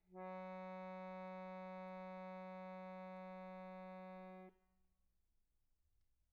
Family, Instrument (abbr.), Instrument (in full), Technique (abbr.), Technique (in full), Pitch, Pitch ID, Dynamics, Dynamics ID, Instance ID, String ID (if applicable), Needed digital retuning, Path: Keyboards, Acc, Accordion, ord, ordinario, F#3, 54, pp, 0, 0, , FALSE, Keyboards/Accordion/ordinario/Acc-ord-F#3-pp-N-N.wav